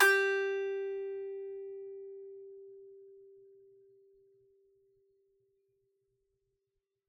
<region> pitch_keycenter=67 lokey=67 hikey=68 volume=-4.878751 lovel=100 hivel=127 ampeg_attack=0.004000 ampeg_release=15.000000 sample=Chordophones/Composite Chordophones/Strumstick/Finger/Strumstick_Finger_Str3_Main_G3_vl3_rr1.wav